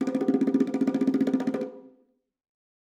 <region> pitch_keycenter=65 lokey=65 hikey=65 volume=10.585396 offset=257 lovel=84 hivel=127 ampeg_attack=0.004000 ampeg_release=0.3 sample=Membranophones/Struck Membranophones/Bongos/BongoL_Roll_v3_rr1_Mid.wav